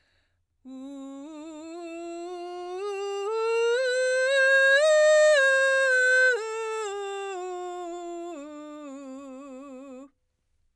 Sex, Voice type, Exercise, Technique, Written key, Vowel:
female, soprano, scales, belt, , u